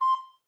<region> pitch_keycenter=84 lokey=84 hikey=85 tune=-3 volume=10.368891 offset=135 ampeg_attack=0.005 ampeg_release=10.000000 sample=Aerophones/Edge-blown Aerophones/Baroque Soprano Recorder/Staccato/SopRecorder_Stac_C5_rr1_Main.wav